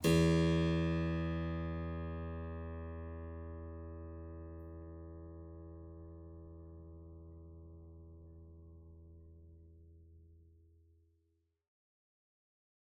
<region> pitch_keycenter=40 lokey=40 hikey=41 volume=-1.794991 offset=247 trigger=attack ampeg_attack=0.004000 ampeg_release=0.350000 amp_veltrack=0 sample=Chordophones/Zithers/Harpsichord, English/Sustains/Normal/ZuckermannKitHarpsi_Normal_Sus_E1_rr1.wav